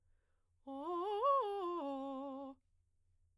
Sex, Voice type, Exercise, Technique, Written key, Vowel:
female, soprano, arpeggios, fast/articulated piano, C major, o